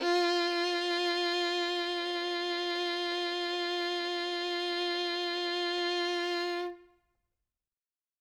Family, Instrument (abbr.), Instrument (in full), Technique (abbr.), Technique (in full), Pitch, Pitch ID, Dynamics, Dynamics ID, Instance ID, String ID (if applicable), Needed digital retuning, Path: Strings, Vn, Violin, ord, ordinario, F4, 65, ff, 4, 3, 4, TRUE, Strings/Violin/ordinario/Vn-ord-F4-ff-4c-T11u.wav